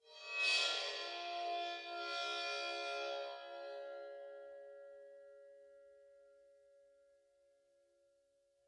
<region> pitch_keycenter=63 lokey=63 hikey=63 volume=15.000000 offset=2142 ampeg_attack=0.004000 ampeg_release=2.000000 sample=Idiophones/Struck Idiophones/Suspended Cymbal 1/susCymb1_bow_7.wav